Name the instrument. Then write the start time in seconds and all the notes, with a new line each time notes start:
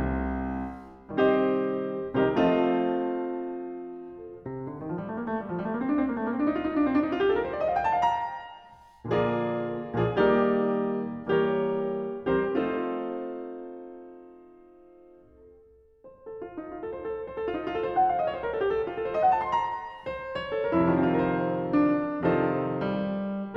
piano
0.00 C2
1.21 C3 D#3 G3 C4 G4 A#4 C5 D#5
2.14 C3 D#3 G3 C4 G4 A#4 C5 D#5
2.41 F3 A3 C4 F4 A4 C5 D#5
4.47 C3
4.66 D3
4.83 D#3
4.91 F3
4.99 G3
5.09 A3
5.18 A#3
5.26 A3
5.33 G3
5.46 F3
5.56 G3
5.64 A3
5.70 A#3
5.78 C4
5.85 D4
5.98 C4
6.08 A#3
6.16 A3
6.25 A#3
6.30 C4
6.36 D4
6.47 D#4
6.56 F4
6.66 D#4
6.77 D4
6.87 C4
6.97 D4
7.04 D#4
7.13 F4
7.20 G4
7.30 A4
7.37 A#4
7.45 C5
7.55 D5
7.62 D#5
7.69 F5
7.76 G5
7.86 A5
7.94 F5
8.02 A#5
9.10 A#2 D3 F3 A#3 F4 G#4 A#4 D5
9.96 A#2 D3 F3 A#3 F4 G#4 A#4 D5
10.18 D#3 G3 A#3 D#4 G4 A#4 D5
11.27 E3 G3 A#3 G4 A#4 C#5
12.19 E3 G3 C4 G4 A#4 C5
12.52 F3 A3 C4 D#4 F4 A4 C5
13.72 C5
13.82 A4
13.90 F4
14.01 D#4
14.13 F4
14.22 A4
14.94 C5
15.03 A4
16.02 C5
16.29 A4
16.42 F4
16.60 D#4
16.72 F4
16.81 A4
17.84 C5
17.97 F#5
18.07 F5
18.16 D#5
18.24 C#5
18.31 C5
18.43 A#4
18.52 A4
18.59 G4
18.77 A4
18.88 F4
18.98 A4
19.06 C5
19.14 D#5
19.25 F#5
19.33 A5
19.42 C6
19.57 A#5
20.14 C5
20.39 C#5
20.55 A4
20.62 A#4
20.74 E4
20.84 F2 C4
20.89 C3 F4
20.94 D#3 A#4
21.01 F3 C5
21.77 D4
22.23 F2 C3 D#3 F3 F4 A4 C5
22.84 G3